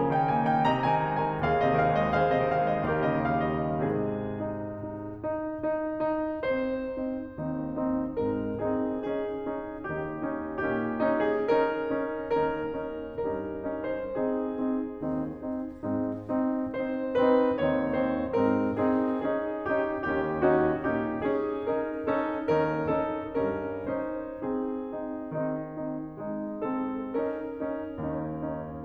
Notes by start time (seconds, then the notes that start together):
0.01 C#3 A#4 G#5
0.12 D#3 G5
0.30 A#3 G#5
0.51 D#3 G5
0.70 C3 D#5 A#5
0.97 D#3 G#5
1.13 G#3 A#5
1.31 D#3 G#5
1.48 D#2 G#4 F5
1.63 C3 D#5
1.78 D#3 F5
1.93 G#3 D#5
2.14 D#2 G#4 C5 F5
2.28 C3 D#5
2.46 D#3 F5
2.75 G#3 D#5
2.93 D#2 G4 A#4 F5
3.12 C#3 D#5
3.30 D#3 F5
3.55 G3 D#5
3.83 G#2 C3 D#3 G#3 G#4
4.45 D#4
4.91 D#4
5.25 D#4
5.65 D#4
5.98 D#4
6.44 C4 D#4 C5
7.00 C4 D#4
7.33 D#2 D#3 C4 D#4
7.90 C4 D#4
8.33 G#2 G#3 C4 D#4 A#4
8.66 C4 D#4 G#4
9.04 C#4 D#4 G#4
9.50 C#4 D#4
9.96 D#2 D#3 C#4 D#4 G4
10.28 C#4 D#4
10.66 A#2 A#3 C#4 D#4 G4
11.02 C#4 D#4
11.28 G#4
11.50 C#4 D#4 A#4
11.96 C#4 D#4
12.30 D#2 D#3 C#4 D#4 A#4
12.72 C#4 D#4
13.14 G2 G3 C#4 D#4 A#4
13.62 C#4 D#4
13.81 C5
14.15 C4 D#4 G#4
14.77 C4 D#4
15.09 D#2 D#3 C4 D#4
15.48 C4 D#4
15.87 G#2 G#3 C4 D#4
16.21 C4 D#4
16.58 C4 D#4 C5
17.15 C4 D#4 B4
17.51 D#2 D#3 C4 D#4 C#5
18.06 C4 D#4 C5
18.40 G#2 G#3 C4 D#4 A#4
18.78 C4 D#4 G#4
19.17 C#4 D#4 G#4
19.67 C#4 D#4 G4
20.04 D#2 D#3 C#4 D#4 G4
20.45 C#4 D#4 F#4
20.97 A#2 A#3 C#4 D#4 G4
21.34 C#4 D#4 G#4
21.81 C#4 D#4 A#4
22.16 C#4 D#4 A4
22.49 D#2 D#3 C#4 D#4 A#4
22.96 C#4 D#4 A4
23.38 G2 G3 C#4 D#4 A#4
23.79 C#4 D#4 C5
24.42 C4 D#4 G#4
24.80 C4 D#4
25.19 D#3 C4 D#4
25.61 C4 D#4
26.19 G#3 C4 D#4
26.60 C4 D#4 A4
27.09 C#4 D#4 A#4
27.65 C#4 D#4
27.99 D#2 C#4 D#4
28.40 C#4 D#4